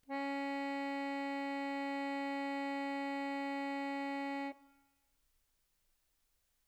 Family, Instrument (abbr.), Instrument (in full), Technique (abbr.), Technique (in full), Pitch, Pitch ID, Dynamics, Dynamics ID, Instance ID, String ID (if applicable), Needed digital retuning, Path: Keyboards, Acc, Accordion, ord, ordinario, C#4, 61, mf, 2, 4, , FALSE, Keyboards/Accordion/ordinario/Acc-ord-C#4-mf-alt4-N.wav